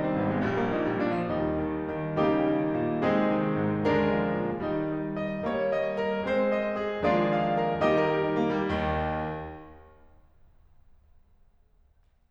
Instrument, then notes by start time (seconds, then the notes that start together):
piano
0.00 C4
0.13 G#1 A#3
0.29 G#3
0.43 A#1 G3
0.58 A#3
0.71 A#2 D#4
0.82 G3
0.99 A#2 D4
1.11 F3
1.25 D#2 G3 D#4
1.49 D#3
1.75 D#3
2.21 C#3 G3 A#3 D#4 G4
2.48 D#3
2.74 A#2
3.04 C3 G#3 C4 D#4 G#4
3.32 D#3
3.56 G#2
3.87 D3 G#3 D4 A#4
4.14 F3
4.40 A#2
4.68 D#3 G3 D#4
5.03 D#5
5.27 D#5
5.53 G3 A#3 C#5
5.77 D#5
6.01 A#4
6.22 G#3 C4 C5
6.50 D#5
6.82 G#4
7.02 D#3 F3 G#3 A#3 D4 F4 G#4 D5
7.29 F5
7.59 A#4
7.84 D#3 G3 A#3 D#4 G4 D#5
7.99 A#4
8.12 G4
8.25 D#4
8.38 A#3
8.49 G3
8.70 D#2 D#3